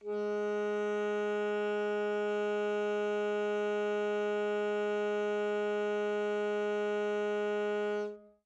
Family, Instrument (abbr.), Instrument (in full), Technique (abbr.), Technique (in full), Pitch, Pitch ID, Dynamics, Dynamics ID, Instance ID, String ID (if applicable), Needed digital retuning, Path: Winds, ASax, Alto Saxophone, ord, ordinario, G#3, 56, mf, 2, 0, , FALSE, Winds/Sax_Alto/ordinario/ASax-ord-G#3-mf-N-N.wav